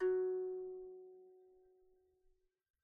<region> pitch_keycenter=54 lokey=54 hikey=54 volume=6.043358 lovel=0 hivel=65 ampeg_attack=0.004000 ampeg_release=15.000000 sample=Chordophones/Composite Chordophones/Strumstick/Finger/Strumstick_Finger_Str1_Main_F#2_vl1_rr1.wav